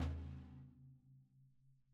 <region> pitch_keycenter=62 lokey=62 hikey=62 volume=20.410655 lovel=55 hivel=83 seq_position=1 seq_length=2 ampeg_attack=0.004000 ampeg_release=30.000000 sample=Membranophones/Struck Membranophones/Snare Drum, Rope Tension/Hi/RopeSnare_hi_sn_Main_vl2_rr1.wav